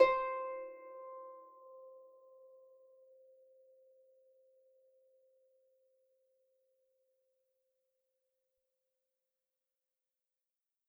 <region> pitch_keycenter=72 lokey=72 hikey=73 tune=3 volume=9.478148 xfin_lovel=70 xfin_hivel=100 ampeg_attack=0.004000 ampeg_release=30.000000 sample=Chordophones/Composite Chordophones/Folk Harp/Harp_Normal_C4_v3_RR1.wav